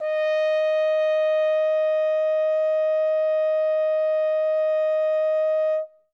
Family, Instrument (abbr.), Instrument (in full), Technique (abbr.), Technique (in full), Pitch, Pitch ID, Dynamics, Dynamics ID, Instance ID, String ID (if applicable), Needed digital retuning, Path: Brass, Hn, French Horn, ord, ordinario, D#5, 75, ff, 4, 0, , TRUE, Brass/Horn/ordinario/Hn-ord-D#5-ff-N-T10u.wav